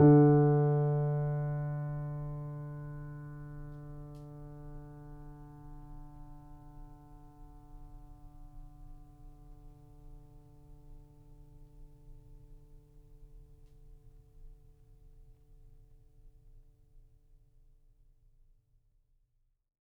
<region> pitch_keycenter=50 lokey=50 hikey=51 volume=-0.540546 lovel=0 hivel=65 locc64=0 hicc64=64 ampeg_attack=0.004000 ampeg_release=0.400000 sample=Chordophones/Zithers/Grand Piano, Steinway B/NoSus/Piano_NoSus_Close_D3_vl2_rr1.wav